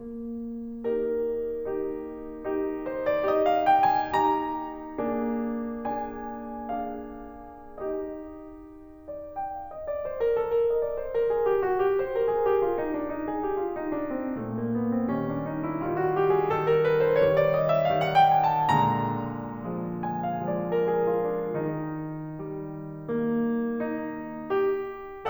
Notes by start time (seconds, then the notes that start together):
0.00 A#3
1.24 D#4 G4 A#4
1.82 D#4 G4
2.55 D#4 G4
2.90 C5
3.11 D5
3.29 D#4 G4 D#5
3.41 F5
3.54 G5
3.68 G#5
4.10 D#4 G4 A#5
5.00 A#3 D4 G#4
5.80 D4 G#4 G#5
6.71 D4 G#4 F5
7.74 D#4 G4 D#5
9.08 D5
9.36 G5
9.60 F5
9.76 D#5
9.91 D5
10.04 C5
10.25 A#4
10.41 A4
10.54 A#4
10.68 D#5
10.84 D5
10.97 C5
11.13 A#4
11.27 G#4
11.42 G4
11.63 F#4
11.77 G4
12.02 C5
12.20 A#4
12.34 G#4
12.48 G4
12.62 F4
12.76 D#4
12.89 D4
13.04 D#4
13.27 G#4
13.43 G4
13.56 F4
13.69 D#4
13.85 D4
14.06 C4
14.35 A3 A#3
14.58 A#3
14.81 B3
14.94 C4
15.07 C#4 D#4 G4
15.19 D4
15.37 D#4
15.58 E4
15.78 D#4 F4 G4
16.00 F#4
16.20 G4
16.39 G#4
16.54 D#4 G4 A4
16.71 A#4
16.87 B4
17.07 C5
17.22 D#4 G4 C#5
17.38 D5
17.51 D#5
17.68 E5
17.89 D#4 G4 F5
18.07 F#5
18.17 G5
18.27 G#5
18.38 A5
18.69 A#3 D4 G#4 A#5
19.91 D4 G#4
20.04 G#5
20.28 F5
20.49 D5
20.62 D4 G#4 A#4
20.79 G#4
21.08 F4
21.29 D4
21.49 D#3 D#4
22.37 G3
23.05 A#3
23.73 D#4
24.45 G4